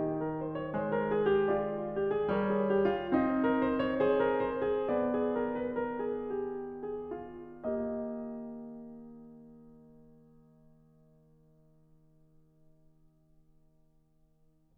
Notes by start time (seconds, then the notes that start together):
0.00 G4 D#5
0.27 A#4
0.44 C5
0.60 C#5
0.74 G#3 C5
0.98 A#4
1.16 G#4
1.36 G4
1.56 F4 D5
1.94 G4
2.14 G#4
2.28 G3 A#4 C#5
2.46 G#4
2.67 G4
2.90 F4
3.15 C4 D#4
3.44 A#4
3.62 C5
3.83 C#5
4.04 C5
4.20 A#4
4.44 C5
4.67 G#4
4.89 B3 D5
5.12 G#4
5.35 A#4
5.54 B4
5.77 A#4
6.04 G#4
6.66 G4
6.93 G#4
7.27 F4
7.47 A#3
7.60 G4 D#5